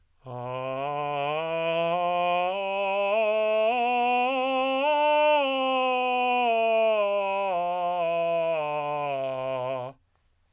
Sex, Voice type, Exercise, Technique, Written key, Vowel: male, tenor, scales, straight tone, , a